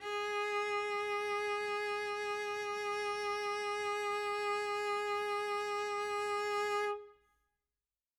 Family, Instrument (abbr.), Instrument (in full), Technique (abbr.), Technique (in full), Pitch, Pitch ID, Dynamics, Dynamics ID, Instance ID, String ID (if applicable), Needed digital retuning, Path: Strings, Vc, Cello, ord, ordinario, G#4, 68, mf, 2, 0, 1, FALSE, Strings/Violoncello/ordinario/Vc-ord-G#4-mf-1c-N.wav